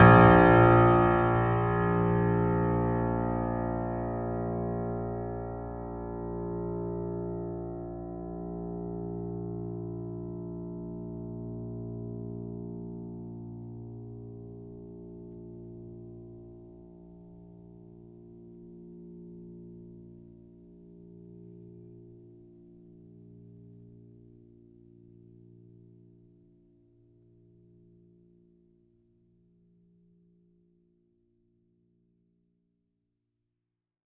<region> pitch_keycenter=34 lokey=34 hikey=35 volume=-0.222080 lovel=0 hivel=65 locc64=65 hicc64=127 ampeg_attack=0.004000 ampeg_release=0.400000 sample=Chordophones/Zithers/Grand Piano, Steinway B/Sus/Piano_Sus_Close_A#1_vl2_rr1.wav